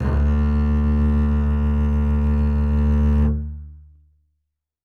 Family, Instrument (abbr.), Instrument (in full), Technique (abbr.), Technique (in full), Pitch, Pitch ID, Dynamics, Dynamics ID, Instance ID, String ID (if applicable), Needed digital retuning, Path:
Strings, Cb, Contrabass, ord, ordinario, D2, 38, ff, 4, 3, 4, TRUE, Strings/Contrabass/ordinario/Cb-ord-D2-ff-4c-T24u.wav